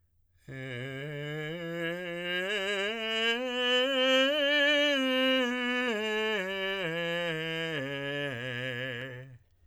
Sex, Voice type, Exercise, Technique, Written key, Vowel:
male, tenor, scales, slow/legato piano, C major, e